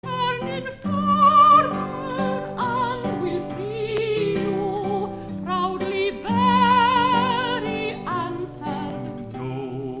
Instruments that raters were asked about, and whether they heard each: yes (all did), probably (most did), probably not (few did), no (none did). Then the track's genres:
drums: no
voice: yes
Folk; Opera